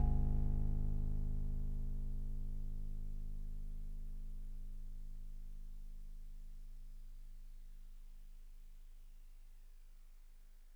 <region> pitch_keycenter=32 lokey=31 hikey=34 tune=-2 volume=15.940271 lovel=0 hivel=65 ampeg_attack=0.004000 ampeg_release=0.100000 sample=Electrophones/TX81Z/FM Piano/FMPiano_G#0_vl1.wav